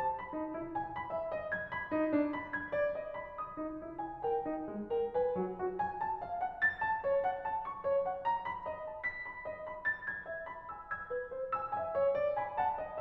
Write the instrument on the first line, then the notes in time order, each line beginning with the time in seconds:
piano
0.00 A5
0.17 B5
0.33 D#4
0.56 E4
0.75 G#5
0.95 B5
1.11 E5
1.31 D#5
1.52 G#6
1.72 B5
1.90 D#4
2.12 D4
2.35 B5
2.53 G#6
2.72 D5
2.91 D#5
3.16 B5
3.33 D#6
3.55 D#4
3.76 E4
3.99 G#5
4.23 A#4 G5
4.42 D#4
4.64 G#3
4.89 A#4 G5
5.12 B4 G#5
5.34 F#3
5.55 F#4
5.79 G#5
6.03 A5
6.23 F5
6.44 F#5
6.62 A6
6.82 A5
7.04 C#5
7.26 F#5
7.47 A5
7.66 C#6
7.85 C#5
8.06 F#5
8.29 A#5
8.48 B5
8.68 D#5
8.90 A5
9.09 B6
9.26 B5
9.45 D#5
9.69 B5
9.88 A6
10.07 G#6
10.26 E5
10.47 B5
10.74 G#5 E6
10.94 E6 G#6
11.12 B4
11.32 C5
11.54 G#5 E6
11.76 E5 G#5
11.96 C#5
12.20 C#5
12.36 G#5 B5
12.55 F#5 A5
12.76 D#5